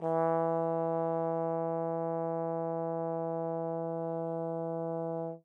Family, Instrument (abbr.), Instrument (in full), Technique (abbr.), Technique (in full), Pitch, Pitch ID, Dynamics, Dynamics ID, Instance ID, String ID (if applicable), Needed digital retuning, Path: Brass, Tbn, Trombone, ord, ordinario, E3, 52, mf, 2, 0, , FALSE, Brass/Trombone/ordinario/Tbn-ord-E3-mf-N-N.wav